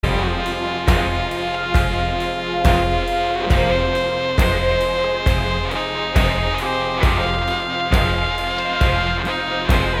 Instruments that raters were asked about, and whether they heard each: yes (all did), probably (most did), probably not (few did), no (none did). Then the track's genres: trumpet: probably
saxophone: yes
Psych-Rock; Indie-Rock; Experimental Pop